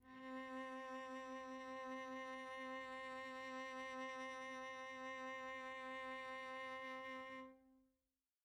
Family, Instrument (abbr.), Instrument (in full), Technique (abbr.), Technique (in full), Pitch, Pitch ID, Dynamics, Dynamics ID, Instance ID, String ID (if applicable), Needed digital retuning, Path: Strings, Vc, Cello, ord, ordinario, C4, 60, pp, 0, 0, 1, FALSE, Strings/Violoncello/ordinario/Vc-ord-C4-pp-1c-N.wav